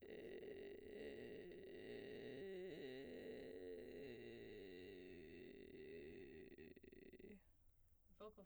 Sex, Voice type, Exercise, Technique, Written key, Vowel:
female, soprano, arpeggios, vocal fry, , e